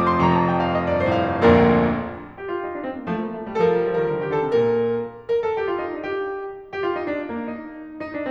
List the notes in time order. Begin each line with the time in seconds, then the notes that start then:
0.00 D6
0.13 C6
0.23 F1 F2 A#5
0.38 A5
0.48 G5
0.57 F5
0.70 D#5
0.82 D5
1.07 G2 C5
1.34 A2 F5
1.49 A#1 D2 F2 A#2 A#3 D4 F4 A#4
2.44 G4
2.54 F4
2.64 D#4
2.75 D4
2.87 C4
2.98 A#3
3.09 F3 A3
3.19 A#3
3.31 A3
3.47 G3
3.58 F3 A4
3.65 A#4
3.69 G3 A4
3.76 A#4
3.81 F3 A4
3.87 A#4
3.97 D#3 A4
4.03 A#4
4.10 D3 A4
4.19 A#4
4.24 D#3 A4
4.32 A#4
4.37 D3 A4
4.41 A#4
4.47 C3 G4
4.55 A4
4.60 A#2 A#4
5.34 A#4
5.46 A4
5.56 G4
5.72 F4
5.83 D#4
5.93 D4
6.00 G4
6.70 G4
6.85 F4
6.95 D#4
7.06 D4
7.16 C4
7.29 A#3
7.40 D#4
8.06 D#4
8.15 D4